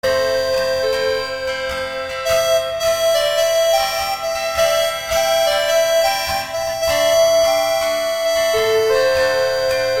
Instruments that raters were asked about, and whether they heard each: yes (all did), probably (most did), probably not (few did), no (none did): accordion: no